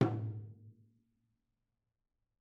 <region> pitch_keycenter=64 lokey=64 hikey=64 volume=14.417788 offset=265 lovel=66 hivel=99 seq_position=1 seq_length=2 ampeg_attack=0.004000 ampeg_release=30.000000 sample=Membranophones/Struck Membranophones/Tom 1/Stick/TomH_HitS_v3_rr1_Mid.wav